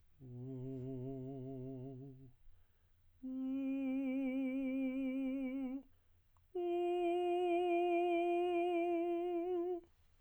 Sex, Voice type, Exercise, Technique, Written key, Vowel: male, tenor, long tones, full voice pianissimo, , u